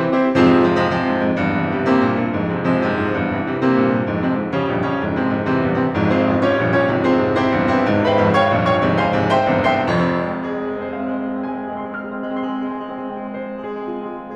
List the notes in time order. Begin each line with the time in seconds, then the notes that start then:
0.00 C3 E3 G3
0.15 C4 E4 G4 C5
0.31 F2 G#2 C3 F3 C4 F4 G#4 C5
0.45 C3 F3 G#3 C4
0.64 C3 F3 G#3 C4
0.78 C3 F3 G#3 C4
0.92 F2 G#2
1.20 F2 G#2
1.35 E2 G2
1.49 C3 E3 G3 C4
1.68 C3 E3 G3 C4
1.83 C3 G3 A#3 C4
1.97 G2 A#2
2.16 G2 A#2
2.32 F2 G#2
2.47 C3 F3 G#3 C4
2.64 C3 F3 G#3 C4
2.74 C3 F3 G#3 C4
2.88 F2 G#2
3.02 F2 G#2
3.19 E2 G2 F3
3.33 C3 E3 G3 C4
3.48 C3 E3 G3 C4
3.65 C3 G3 A#3 C4
3.81 G2 A#2
3.99 G2 A#2
4.13 F2 G#2
4.31 C3 F3 G#3 C4
4.48 F2 G#2
4.62 C#3 F3 G3 C#4
4.77 A#1 F2 G2
4.91 C#3 F3 G3 C#4
5.03 C2 F2 G#2
5.18 C3 F3 G#3 C4
5.28 C2 F2 G#2
5.43 C3 E3 G3 C4
5.60 C2 E2 G2
5.75 C3 E3 G3 C4
5.93 G#1 C2 F2 G#2
6.07 C4 F4 G#4 C5
6.26 G#1 C2 F2 G#2
6.41 C#4 F4 G4 C#5
6.55 A#1 F2 G2 A#2
6.70 C#4 F4 G4 C#5
6.88 C2 F2 G#2 C3
7.04 C4 F4 G#4 C5
7.17 C2 F2 G#2 C3
7.38 C4 E4 G4 C5
7.56 A#1 E2 G2 A#2
7.70 C4 E4 G4 C5
7.86 G#1 C2 F2 G#2
8.03 C5 F5 G#5 C6
8.19 G#1 C2 F2 G#2
8.38 C#5 F5 G5 C#6
8.59 A#1 F2 G2 A#2
8.74 C#5 F5 G5 C#6
8.87 C2 F2 G#2 C3
9.02 C5 F5 G#5 C6
9.15 C2 F2 G#2 C3
9.31 C5 E5 G5 C6
9.49 C2 E2 G2 C3
9.65 C5 E5 G5 C6
9.91 F1 F2 C4
10.10 G#3
10.21 C4
10.29 G#3
10.36 C4
10.44 G#3
10.54 C4 G#4
10.66 G#3
10.74 C4
10.80 G#3
10.86 C4
10.95 G#3 C5
11.03 C4 F5
11.12 G#3
11.22 C4
11.28 G#3
11.37 C4
11.45 G#3
11.53 C4 G#5
11.58 G#3
11.63 C4
11.73 G#3
11.81 C4
11.89 C6
11.96 G#3 C4 F6
12.04 G#3
12.12 C4
12.20 G#3
12.28 C4
12.35 G#3
12.43 C4 C6
12.52 G#3
12.60 C4
12.68 G#3
12.77 C4
12.86 G#3 G#5
12.97 C4 F5
13.05 G#3
13.13 C4
13.20 G#3
13.29 C4
13.37 G#3
13.46 C4 C5
13.54 G#3
13.61 C4
13.66 G#3
13.72 C4
13.79 G#3 G#4
13.86 C4 F4
13.93 G#3
14.00 C4
14.08 G#3
14.19 C4
14.28 G#3